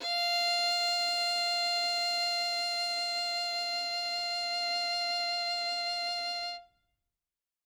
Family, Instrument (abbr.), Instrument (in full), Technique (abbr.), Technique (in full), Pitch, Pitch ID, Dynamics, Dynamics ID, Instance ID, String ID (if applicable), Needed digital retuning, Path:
Strings, Vn, Violin, ord, ordinario, F5, 77, ff, 4, 1, 2, FALSE, Strings/Violin/ordinario/Vn-ord-F5-ff-2c-N.wav